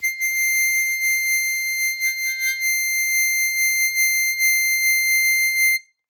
<region> pitch_keycenter=96 lokey=94 hikey=97 tune=-1 volume=6.068372 trigger=attack ampeg_attack=0.1 ampeg_release=0.100000 sample=Aerophones/Free Aerophones/Harmonica-Hohner-Super64/Sustains/Vib/Hohner-Super64_Vib_C6.wav